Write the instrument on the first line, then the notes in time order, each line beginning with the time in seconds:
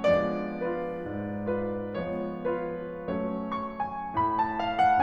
piano
0.00 F3 G#3 B3 D4 D5
0.57 F4 B4
1.07 G#2
1.50 F4 B4
1.99 F3 G#3 B3 C#4 C#5
2.48 F4 B4
3.12 F#3 A3 C#4 C#5
3.45 C#6
3.80 G#5
4.12 A2 B5
4.38 A5
4.60 F5
4.81 F#5